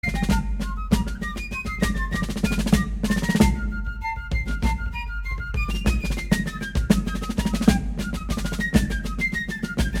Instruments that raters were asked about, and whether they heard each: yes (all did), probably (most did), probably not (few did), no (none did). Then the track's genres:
flute: yes
Classical; Americana